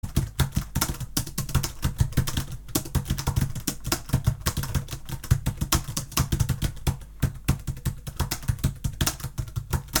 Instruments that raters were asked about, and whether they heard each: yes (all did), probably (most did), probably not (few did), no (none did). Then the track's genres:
drums: probably
trombone: no
flute: no
Avant-Garde; Noise